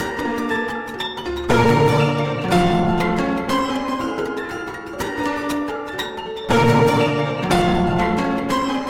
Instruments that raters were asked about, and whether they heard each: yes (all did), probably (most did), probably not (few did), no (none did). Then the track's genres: ukulele: no
mandolin: no
banjo: no
Electronic; Ambient